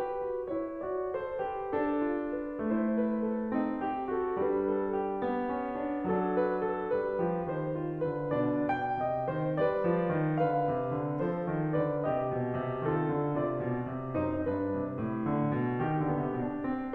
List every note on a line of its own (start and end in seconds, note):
0.00 0.29 G4
0.00 0.55 B4
0.30 0.55 F#4
0.55 0.85 E4
0.55 0.85 C#5
0.86 1.11 F#4
0.86 1.11 D5
1.11 1.43 A4
1.11 1.43 C5
1.44 2.01 G4
1.44 1.72 B4
1.72 2.60 D4
1.72 2.35 A4
2.02 2.60 F4
2.35 2.60 B4
2.61 3.52 A3
2.61 3.52 E4
2.61 2.95 C5
2.95 3.22 B4
3.23 3.80 A4
3.52 4.34 C4
3.52 4.09 D#4
3.80 4.09 G4
4.10 4.34 F#4
4.10 4.34 A4
4.34 5.22 G3
4.34 5.54 D4
4.34 4.54 B4
4.55 4.91 A4
4.91 6.08 G4
5.24 6.08 B3
5.54 5.82 C#4
5.83 6.08 D4
6.08 6.92 F#3
6.08 7.26 D4
6.08 6.32 A4
6.33 6.59 B4
6.59 6.92 A4
6.94 7.26 G3
6.94 7.50 B4
7.26 7.50 F3
7.26 7.74 G4
7.51 8.02 D#3
7.51 8.02 C5
7.74 8.34 F4
8.02 8.34 D3
8.02 8.34 B4
8.35 9.00 B2
8.35 8.71 D4
8.35 8.71 D5
8.71 9.57 G5
9.01 9.31 C3
9.01 9.31 D#5
9.31 9.57 D#3
9.31 9.57 C5
9.58 9.86 G3
9.58 10.41 B4
9.58 10.41 D5
9.86 10.16 F3
10.17 10.41 D#3
10.41 10.68 D3
10.41 11.18 B4
10.41 11.18 F5
10.69 10.92 C3
10.92 11.18 D3
11.19 11.45 F3
11.19 11.76 A4
11.19 11.76 C5
11.45 11.76 D#3
11.77 12.07 D3
11.77 12.07 B4
11.77 12.07 D5
12.07 12.31 C3
12.07 12.86 G4
12.07 12.86 D#5
12.31 12.57 B2
12.59 12.86 C3
12.86 13.10 D#3
12.86 13.41 F4
12.86 13.41 A4
13.11 13.41 D3
13.41 13.62 C3
13.41 14.18 F4
13.41 14.18 D5
13.63 13.92 B2
13.92 14.18 C3
14.19 14.43 F#2
14.19 14.43 D#4
14.19 14.43 C5
14.43 14.73 G2
14.43 14.99 D4
14.43 14.99 B4
14.74 14.99 C3
14.99 15.31 A2
15.33 15.58 D3
15.58 15.79 B2
15.80 16.02 D#3
15.80 16.95 G4
16.02 16.15 D3
16.02 16.28 B3
16.15 16.28 C3
16.28 16.61 B2
16.28 16.61 D4
16.65 16.95 C4